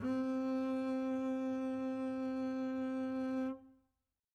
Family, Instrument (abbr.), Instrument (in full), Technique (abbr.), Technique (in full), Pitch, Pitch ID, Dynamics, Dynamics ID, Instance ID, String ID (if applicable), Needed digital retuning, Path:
Strings, Cb, Contrabass, ord, ordinario, C4, 60, mf, 2, 1, 2, TRUE, Strings/Contrabass/ordinario/Cb-ord-C4-mf-2c-T13u.wav